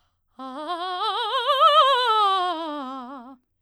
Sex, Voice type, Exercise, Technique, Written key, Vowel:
female, soprano, scales, fast/articulated forte, C major, a